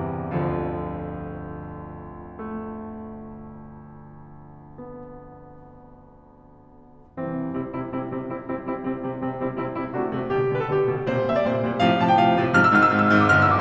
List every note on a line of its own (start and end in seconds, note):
0.01 7.19 G1
0.01 0.46 C2
0.01 0.46 E2
0.01 0.46 C3
0.01 0.46 E3
0.01 2.42 G3
0.46 7.19 D2
0.46 7.19 F2
0.46 7.19 D3
0.46 7.19 F3
2.43 4.82 A3
4.82 7.19 B3
7.20 7.39 C2
7.20 7.39 C3
7.20 7.39 E3
7.20 7.39 C4
7.39 7.59 C3
7.39 7.59 G3
7.39 7.59 C4
7.39 7.59 E4
7.59 7.75 C3
7.59 7.75 G3
7.59 7.75 C4
7.59 7.75 E4
7.75 7.94 C3
7.75 7.94 G3
7.75 7.94 C4
7.75 7.94 E4
7.94 8.12 C3
7.94 8.12 G3
7.94 8.12 C4
7.94 8.12 E4
8.13 8.33 C3
8.13 8.33 G3
8.13 8.33 C4
8.13 8.33 E4
8.34 8.50 C3
8.34 8.50 G3
8.34 8.50 C4
8.34 8.50 E4
8.52 8.70 C3
8.52 8.70 G3
8.52 8.70 C4
8.52 8.70 E4
8.70 8.95 C3
8.70 8.95 G3
8.70 8.95 C4
8.70 8.95 E4
8.95 9.14 C3
8.95 9.14 G3
8.95 9.14 C4
8.95 9.14 E4
9.14 9.33 C3
9.14 9.33 G3
9.14 9.33 C4
9.14 9.33 E4
9.33 9.51 C3
9.33 9.51 G3
9.33 9.51 C4
9.33 9.51 E4
9.53 9.73 C3
9.53 9.73 G3
9.53 9.73 C4
9.53 9.73 E4
9.75 9.97 C3
9.75 9.97 G3
9.75 9.97 C4
9.75 9.97 E4
9.97 10.15 C3
9.97 10.15 A3
9.97 10.15 D4
9.97 10.15 F#4
10.15 10.33 C3
10.15 10.33 A3
10.15 10.33 D4
10.15 10.33 F#4
10.33 10.50 B2
10.33 10.50 D3
10.33 10.50 G3
10.33 10.50 G4
10.50 10.71 B2
10.50 10.71 D3
10.50 10.71 G3
10.50 10.61 B4
10.61 10.71 A4
10.71 10.91 B2
10.71 10.91 D3
10.71 10.91 G3
10.71 10.91 G4
10.92 11.08 B2
10.92 11.08 D3
10.92 11.08 G3
11.09 11.28 A#2
11.09 11.28 C3
11.09 11.28 G3
11.09 11.28 C5
11.28 11.48 A#2
11.28 11.48 C3
11.28 11.48 G3
11.28 11.36 E5
11.36 11.48 D5
11.48 11.64 A#2
11.48 11.64 C3
11.48 11.64 G3
11.48 11.64 C5
11.64 11.78 A#2
11.64 11.78 C3
11.64 11.78 G3
11.78 11.98 A2
11.78 11.98 C3
11.78 11.98 F3
11.78 11.98 F5
11.99 12.17 A2
11.99 12.17 C3
11.99 12.17 F3
11.99 12.08 A5
12.09 12.17 G5
12.18 12.35 A2
12.18 12.35 C3
12.18 12.35 F3
12.18 12.35 F5
12.36 12.57 A2
12.36 12.57 C3
12.36 12.57 F3
12.57 12.74 G#2
12.57 12.74 C3
12.57 12.74 F3
12.57 12.65 F6
12.65 12.74 E6
12.74 12.86 G#1
12.74 12.86 G#2
12.74 12.86 E6
12.74 12.78 F6
12.86 13.02 G#1
12.86 13.02 G#2
12.86 12.93 F6
12.93 13.02 E6
13.02 13.26 G#1
13.02 13.26 G#2
13.02 13.15 F6
13.15 13.26 E6
13.28 13.38 G1
13.28 13.38 G2
13.28 13.38 F6
13.39 13.47 A1
13.39 13.47 E6
13.48 13.60 B1
13.48 13.60 D6